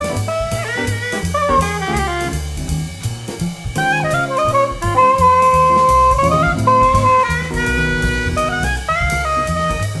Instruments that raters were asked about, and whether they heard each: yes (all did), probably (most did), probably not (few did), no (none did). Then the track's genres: saxophone: probably
clarinet: yes
trumpet: probably
Blues; Jazz; Big Band/Swing